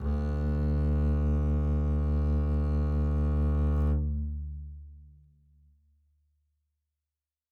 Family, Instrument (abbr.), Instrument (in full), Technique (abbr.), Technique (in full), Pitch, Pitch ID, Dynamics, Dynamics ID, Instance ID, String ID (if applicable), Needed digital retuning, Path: Strings, Cb, Contrabass, ord, ordinario, D2, 38, mf, 2, 2, 3, FALSE, Strings/Contrabass/ordinario/Cb-ord-D2-mf-3c-N.wav